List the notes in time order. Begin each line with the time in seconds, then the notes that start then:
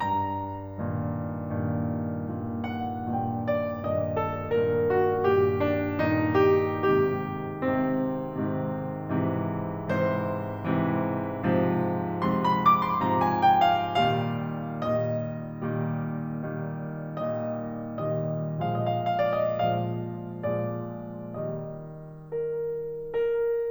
0.00 G2 A#5
0.72 G2 A#2 D#3
1.52 G2 A#2 D#3
2.19 G2 A#2 D#3
2.65 F#5
3.20 G2 A#2 D#3 G5
3.49 D5
3.82 G2 A#2 D#3 D#5
4.14 A4
4.44 G2 A#2 D#3 A#4
4.85 F#4
5.15 G2 A#2 D#3 G4
5.61 D4
6.10 G2 A#2 D#3 D#4
6.39 G4
6.95 G#2 C3 D#3 G4
7.70 G#2 C3 D#3 C4
8.37 G#2 C3 D#3
9.11 G#2 C3 E3
9.88 G#2 C3 E3 C5
10.53 G#2 C3 E3
11.44 G#2 C3 F3
12.19 G#2 C3 F3 C6
12.36 B5
12.52 D6
12.75 C6
13.00 G#2 C3 F3 A#5
13.14 G#5
13.35 G5
13.70 F5
13.87 A#2 D#3 G3 F5
14.62 A#2 D#3 G3 D#5
15.24 A#2 D#3 G3
15.93 A#2 D#3 G3
16.93 A#2 D#3 G3 D#5
17.93 A#2 D#3 G3 D#5
18.69 A#2 F3 G#3 D#5
18.74 F5
18.82 D#5
18.90 F5
19.02 D#5
19.10 F5
19.18 D5
19.42 D#5
19.57 A#2 F3 G#3 F5
20.54 A#2 F3 G#3 D5
21.37 D#3 G3 D#5
22.30 A#4
23.00 A#4